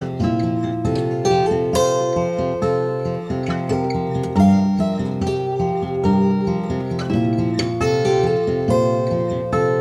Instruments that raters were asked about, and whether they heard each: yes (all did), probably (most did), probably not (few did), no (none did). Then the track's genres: guitar: yes
trombone: no
organ: no
Rock; Noise; Experimental